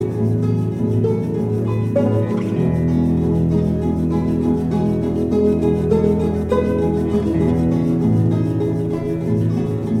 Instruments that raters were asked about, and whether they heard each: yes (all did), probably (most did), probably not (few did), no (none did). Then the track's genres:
ukulele: probably
Folk